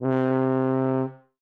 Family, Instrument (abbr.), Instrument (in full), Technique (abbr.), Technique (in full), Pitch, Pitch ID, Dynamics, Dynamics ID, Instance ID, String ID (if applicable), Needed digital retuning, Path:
Brass, BTb, Bass Tuba, ord, ordinario, C3, 48, ff, 4, 0, , TRUE, Brass/Bass_Tuba/ordinario/BTb-ord-C3-ff-N-T18u.wav